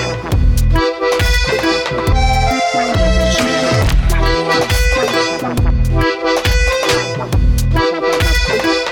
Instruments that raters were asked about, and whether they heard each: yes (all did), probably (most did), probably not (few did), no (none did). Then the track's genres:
accordion: yes
Electronic; Dubstep